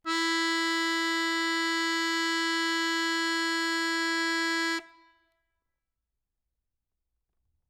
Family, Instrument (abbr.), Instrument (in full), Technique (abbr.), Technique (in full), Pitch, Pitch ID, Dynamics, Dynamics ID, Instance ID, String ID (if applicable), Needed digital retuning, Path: Keyboards, Acc, Accordion, ord, ordinario, E4, 64, ff, 4, 2, , FALSE, Keyboards/Accordion/ordinario/Acc-ord-E4-ff-alt2-N.wav